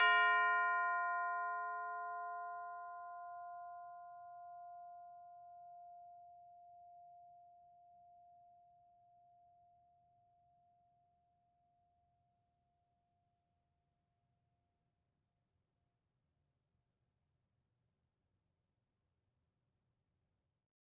<region> pitch_keycenter=65 lokey=65 hikey=66 volume=18.447800 lovel=0 hivel=83 ampeg_attack=0.004000 ampeg_release=30.000000 sample=Idiophones/Struck Idiophones/Tubular Bells 2/TB_hit_F4_v2_2.wav